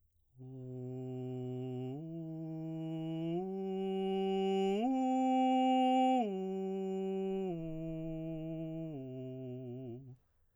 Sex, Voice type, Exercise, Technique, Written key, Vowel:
male, baritone, arpeggios, straight tone, , u